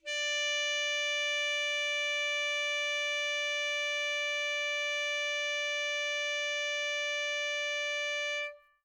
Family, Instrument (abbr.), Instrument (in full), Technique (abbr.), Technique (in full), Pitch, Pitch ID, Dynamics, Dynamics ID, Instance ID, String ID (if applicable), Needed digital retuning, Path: Winds, ASax, Alto Saxophone, ord, ordinario, D5, 74, mf, 2, 0, , FALSE, Winds/Sax_Alto/ordinario/ASax-ord-D5-mf-N-N.wav